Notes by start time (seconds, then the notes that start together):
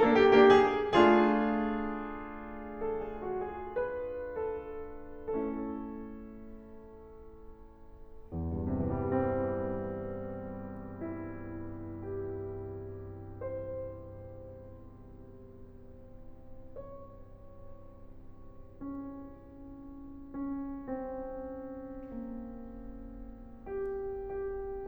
0.00 A#3 D4 A4
0.14 G4
0.34 A#3 D4 G4
0.55 G#4
0.91 A3 D4 F4 G#4
2.77 A4
2.96 G#4
3.22 F#4
3.40 G#4
3.73 B4
4.46 A4
4.93 A3 C#4 E4 A4
8.34 E2
8.39 G2
8.53 C3
8.59 E3
8.67 G3
8.75 C4
10.53 E4
11.53 G4
12.56 C5
16.79 C#5
20.68 C#4
20.99 C4
22.11 A#3
24.26 G4